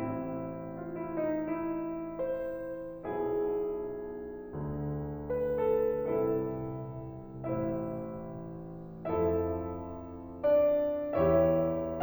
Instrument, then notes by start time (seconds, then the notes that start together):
piano
0.02 A1 A2 C4 E4
0.77 F4
1.02 E4
1.21 D#4
1.53 E4
2.36 C5
3.15 B1 B2 E4 G#4
4.56 D2 D3
5.24 B4
5.61 A4
6.08 C2 C3 E4 A4
7.45 A1 A2 E4 C5 E5
9.00 F2 F3 E4 A4 E5
10.41 D4 D5
11.17 E2 E3 E4 G4 C#5 E5